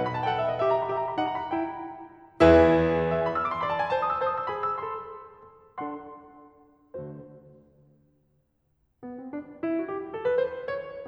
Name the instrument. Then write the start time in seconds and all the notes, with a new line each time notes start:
piano
0.00 F#5
0.08 B5
0.17 A5
0.28 G5
0.36 A4 F#5
0.44 E5
0.56 D#5
0.65 G4 E5
0.73 A#5
0.82 B5
0.93 G4 E5
1.06 A#5
1.14 B5
1.24 D#4 F#5
1.34 A#5
1.44 B5
1.53 E4 G5
2.40 E2 E3 E4 G#4 B4 E5
3.16 E5
3.24 G#5
3.32 B5
3.40 E6
3.48 D6
3.55 C6
3.63 D5 B5
3.73 A5
3.81 G#5
3.91 C5 A5
3.99 D#6
4.10 E6
4.17 C5 A5
4.26 D#6
4.40 E6
4.48 G#4 B5
4.56 D#6
4.68 E6
4.81 A4 C6
5.86 D4 A4 F#5 C6
6.87 D3 A3 F#4 C5
9.03 B3
9.18 C4
9.35 D4
9.67 E4
9.79 F#4
9.90 G4
10.15 A4
10.26 B4
10.38 C5
10.74 C#5